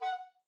<region> pitch_keycenter=78 lokey=78 hikey=79 tune=-3 volume=11.865087 offset=304 ampeg_attack=0.004000 ampeg_release=10.000000 sample=Aerophones/Edge-blown Aerophones/Baroque Tenor Recorder/Staccato/TenRecorder_Stac_F#4_rr1_Main.wav